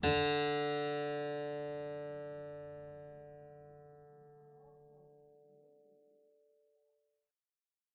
<region> pitch_keycenter=50 lokey=49 hikey=51 volume=-3 offset=32 trigger=attack ampeg_attack=0.004000 ampeg_release=0.350000 amp_veltrack=0 sample=Chordophones/Zithers/Harpsichord, English/Sustains/Normal/ZuckermannKitHarpsi_Normal_Sus_D2_rr1.wav